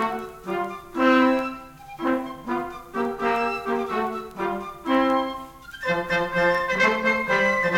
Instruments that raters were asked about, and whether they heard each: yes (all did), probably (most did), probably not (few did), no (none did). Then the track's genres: accordion: no
clarinet: probably
trumpet: yes
trombone: yes
Folk; Opera